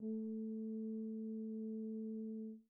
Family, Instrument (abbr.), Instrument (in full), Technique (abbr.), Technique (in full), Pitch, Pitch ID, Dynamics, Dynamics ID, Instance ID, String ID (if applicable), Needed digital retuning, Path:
Brass, BTb, Bass Tuba, ord, ordinario, A3, 57, pp, 0, 0, , FALSE, Brass/Bass_Tuba/ordinario/BTb-ord-A3-pp-N-N.wav